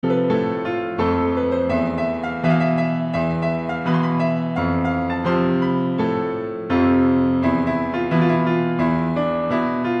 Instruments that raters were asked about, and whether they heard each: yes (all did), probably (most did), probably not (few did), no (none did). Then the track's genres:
piano: yes
Classical; Composed Music